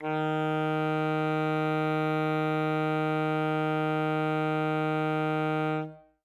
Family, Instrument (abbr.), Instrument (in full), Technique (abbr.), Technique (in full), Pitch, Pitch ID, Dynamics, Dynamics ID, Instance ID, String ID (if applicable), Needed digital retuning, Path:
Winds, ASax, Alto Saxophone, ord, ordinario, D#3, 51, ff, 4, 0, , FALSE, Winds/Sax_Alto/ordinario/ASax-ord-D#3-ff-N-N.wav